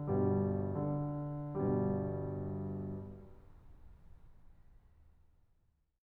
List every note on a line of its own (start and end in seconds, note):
0.01 1.49 G1
0.01 1.49 G2
0.01 0.73 B2
0.01 0.73 G3
0.74 1.49 D3
1.50 4.74 G1
1.50 4.74 G2
1.50 4.74 B2
1.50 4.74 G3